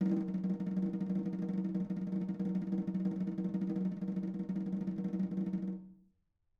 <region> pitch_keycenter=63 lokey=63 hikey=63 volume=12.180086 offset=204 lovel=84 hivel=127 ampeg_attack=0.004000 ampeg_release=0.3 sample=Membranophones/Struck Membranophones/Snare Drum, Modern 2/Snare3M_rollNS_v4_rr1_Mid.wav